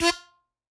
<region> pitch_keycenter=65 lokey=65 hikey=67 tune=31 volume=-2.167214 seq_position=2 seq_length=2 ampeg_attack=0.004000 ampeg_release=0.300000 sample=Aerophones/Free Aerophones/Harmonica-Hohner-Special20-F/Sustains/Stac/Hohner-Special20-F_Stac_F3_rr2.wav